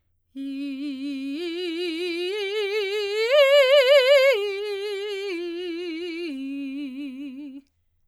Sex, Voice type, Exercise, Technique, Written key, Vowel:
female, soprano, arpeggios, slow/legato forte, C major, i